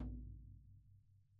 <region> pitch_keycenter=63 lokey=63 hikey=63 volume=24.581553 lovel=0 hivel=65 seq_position=2 seq_length=2 ampeg_attack=0.004000 ampeg_release=30.000000 sample=Membranophones/Struck Membranophones/Snare Drum, Rope Tension/Low/RopeSnare_low_ns_Main_vl1_rr2.wav